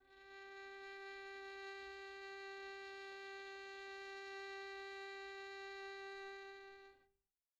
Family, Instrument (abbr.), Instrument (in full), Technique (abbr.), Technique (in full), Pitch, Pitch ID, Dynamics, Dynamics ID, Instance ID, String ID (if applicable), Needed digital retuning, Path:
Strings, Vn, Violin, ord, ordinario, G4, 67, pp, 0, 2, 3, FALSE, Strings/Violin/ordinario/Vn-ord-G4-pp-3c-N.wav